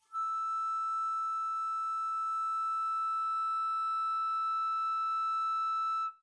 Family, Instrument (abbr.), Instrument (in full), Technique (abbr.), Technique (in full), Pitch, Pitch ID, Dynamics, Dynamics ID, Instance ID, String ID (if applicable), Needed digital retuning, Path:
Winds, Fl, Flute, ord, ordinario, E6, 88, mf, 2, 0, , TRUE, Winds/Flute/ordinario/Fl-ord-E6-mf-N-T17d.wav